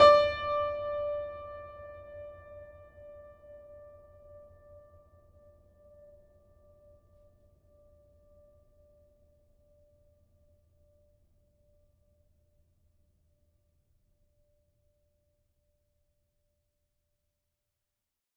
<region> pitch_keycenter=74 lokey=74 hikey=75 volume=0.922552 lovel=100 hivel=127 locc64=65 hicc64=127 ampeg_attack=0.004000 ampeg_release=0.400000 sample=Chordophones/Zithers/Grand Piano, Steinway B/Sus/Piano_Sus_Close_D5_vl4_rr1.wav